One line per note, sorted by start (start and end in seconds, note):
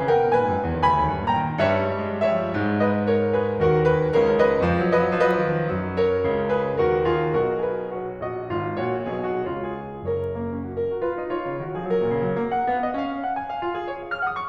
0.00 0.12 C#3
0.00 0.21 A#4
0.00 0.21 G5
0.12 0.21 B2
0.22 0.34 A#2
0.22 0.74 B4
0.22 0.74 G#5
0.34 0.52 G#2
0.52 0.64 F#2
0.64 0.74 E2
0.74 0.84 D#2
0.74 1.28 G#5
0.74 1.28 B5
0.85 1.00 D2
1.00 1.15 D#2
1.15 1.28 G2
1.29 1.43 A#2
1.29 1.58 G5
1.29 1.58 A#5
1.43 1.58 D#3
1.59 2.57 G2
1.59 1.70 G3
1.59 2.21 C#5
1.59 2.21 E5
1.64 1.74 G#3
1.70 1.81 G3
1.75 1.86 G#3
1.81 1.90 G3
1.86 1.97 G#3
1.92 2.02 G3
1.97 2.05 G#3
2.02 2.10 G3
2.07 2.16 G#3
2.11 2.21 G3
2.16 2.38 G#3
2.21 2.45 G3
2.21 2.80 C#5
2.21 2.80 E5
2.39 2.50 G#3
2.45 2.57 F3
2.50 2.57 G3
2.58 3.63 G#2
2.58 3.63 G#3
2.80 3.08 B4
2.80 3.08 D#5
3.08 3.32 A#4
3.08 3.32 C#5
3.32 3.63 G#4
3.32 3.63 B4
3.65 4.14 D#2
3.65 4.14 D#3
3.65 3.89 G4
3.65 3.89 A#4
3.90 4.14 G#4
3.90 4.14 B4
4.14 4.64 C#2
4.14 4.64 C#3
4.14 4.40 A#4
4.14 4.40 C#5
4.40 4.93 B4
4.40 4.93 D#5
4.64 5.70 F2
4.64 4.83 F3
4.78 4.89 F#3
4.83 4.93 F3
4.89 5.02 F#3
4.95 5.06 F3
4.95 5.27 B4
4.95 5.27 D#5
5.02 5.19 F#3
5.06 5.27 F3
5.22 5.33 F#3
5.27 5.38 F3
5.27 6.01 B4
5.27 6.01 D#5
5.33 5.42 F#3
5.39 5.50 F3
5.43 5.55 F#3
5.50 5.61 F3
5.55 5.67 F#3
5.62 5.70 D#3
5.67 6.28 F#2
5.67 5.70 F3
5.67 6.28 F#3
6.03 6.54 A#4
6.03 6.54 C#5
6.29 6.86 C#2
6.29 6.86 C#3
6.54 6.86 G#4
6.54 6.86 B4
6.86 7.48 D#2
6.86 7.48 D#3
6.86 7.08 F#4
6.86 7.08 A#4
7.09 7.48 F4
7.09 7.48 G#4
7.49 8.25 B1
7.49 8.25 B2
7.49 7.76 F#4
7.49 7.76 A#4
7.76 8.00 G#4
7.76 8.00 B4
8.00 8.25 F#4
8.00 8.25 C#5
8.25 8.46 A#1
8.25 8.46 A#2
8.25 8.46 F#4
8.25 8.78 D#5
8.48 8.78 G#1
8.48 8.78 G#2
8.48 8.78 F4
8.78 9.15 A#1
8.78 9.15 A#2
8.78 9.15 F#4
8.78 9.56 C#5
9.15 9.56 B1
9.15 9.56 B2
9.15 9.43 G#4
9.43 9.56 F#4
9.59 10.08 C#2
9.59 10.08 C#3
9.59 9.74 F4
9.59 10.08 C#5
9.75 10.08 G#4
10.08 10.76 F#1
10.08 10.76 F#2
10.08 10.41 A#4
10.08 10.19 C#5
10.19 10.41 A#3
10.41 10.60 C#4
10.62 10.76 D#4
10.77 11.01 A#4
10.87 11.01 F#4
11.01 11.12 F4
11.01 11.28 B4
11.16 11.28 D#4
11.28 11.63 F4
11.28 11.87 C#5
11.47 11.63 C#3
11.63 11.74 D#3
11.63 11.74 F#4
11.74 11.87 F3
11.74 11.87 G#4
11.88 12.02 F#3
11.88 12.41 A#4
12.02 12.17 A#2
12.17 12.29 C#3
12.31 12.41 F#3
12.41 12.72 A#3
12.61 12.72 F#5
12.72 12.97 B3
12.72 12.85 F5
12.85 12.97 D#5
12.98 13.49 C#4
12.98 13.22 F5
13.24 13.37 F#5
13.37 14.14 G#5
13.49 13.60 F5
13.61 13.73 F4
13.73 13.85 G#4
13.85 13.99 C#5
13.99 14.22 F5
14.14 14.22 F6
14.23 14.49 F#5
14.23 14.35 D#6
14.35 14.49 C#6